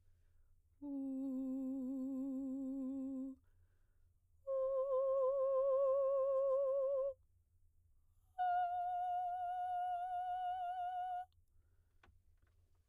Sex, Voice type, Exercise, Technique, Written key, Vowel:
female, soprano, long tones, full voice pianissimo, , u